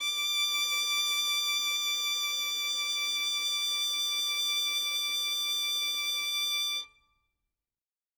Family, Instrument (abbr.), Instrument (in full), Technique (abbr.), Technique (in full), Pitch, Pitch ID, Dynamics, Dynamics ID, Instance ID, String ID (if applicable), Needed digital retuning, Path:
Strings, Vn, Violin, ord, ordinario, D6, 86, ff, 4, 0, 1, TRUE, Strings/Violin/ordinario/Vn-ord-D6-ff-1c-T11d.wav